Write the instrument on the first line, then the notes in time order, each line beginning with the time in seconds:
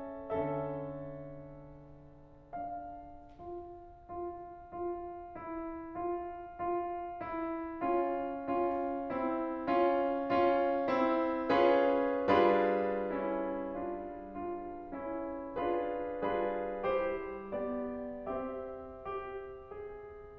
piano
0.01 D3 C#4 A4 E5
2.56 D4 F5
3.33 F4
4.05 F4
4.61 F4
5.42 E4
5.96 F4
6.48 F4
7.24 E4
7.80 C#4 F4
8.45 C#4 F4
9.05 C4 E4
9.67 C#4 F4
10.26 C#4 F4
10.87 C4 E4
11.57 C#4 F4 G#4 B4
12.24 G3 D4 F4 G#4 B4
13.08 C#4 E4
13.74 D4 F4
14.24 D4 F4
14.97 C#4 E4
15.53 D4 F4 G#4 B4
16.22 G3 D4 F4 G#4 B4
16.86 E4 G4 C5
17.54 B3 G4 D5
18.28 C4 G4 E5
18.84 G4
19.67 G#4